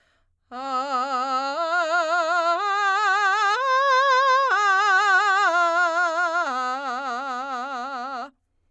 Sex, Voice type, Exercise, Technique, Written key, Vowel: female, soprano, arpeggios, belt, , a